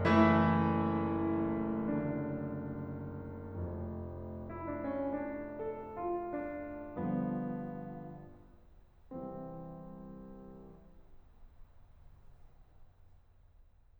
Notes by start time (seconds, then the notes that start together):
0.00 E3 A3 E4
1.71 D3
3.59 F1 F2
4.46 E4
4.66 D4
4.84 C#4
5.35 D4
5.43 D4
5.62 A4
6.01 F4
6.27 D4
6.93 G1 G2 D3 F3 B3
9.09 C2 C3 E3 C4